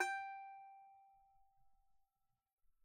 <region> pitch_keycenter=79 lokey=79 hikey=80 volume=3.441549 lovel=0 hivel=65 ampeg_attack=0.004000 ampeg_release=15.000000 sample=Chordophones/Composite Chordophones/Strumstick/Finger/Strumstick_Finger_Str3_Main_G4_vl1_rr1.wav